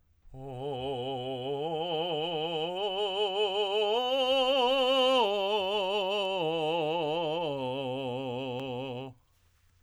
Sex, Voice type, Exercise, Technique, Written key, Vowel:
male, tenor, arpeggios, vibrato, , o